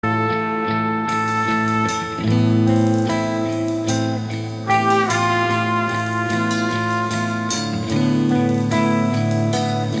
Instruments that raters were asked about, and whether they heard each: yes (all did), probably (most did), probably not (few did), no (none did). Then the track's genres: trombone: probably
cymbals: yes
trumpet: probably
Metal; Noise-Rock